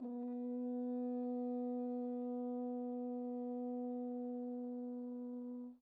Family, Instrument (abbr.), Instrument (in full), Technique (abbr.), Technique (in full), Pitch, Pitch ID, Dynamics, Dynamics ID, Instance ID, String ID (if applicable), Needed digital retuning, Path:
Brass, Hn, French Horn, ord, ordinario, B3, 59, pp, 0, 0, , FALSE, Brass/Horn/ordinario/Hn-ord-B3-pp-N-N.wav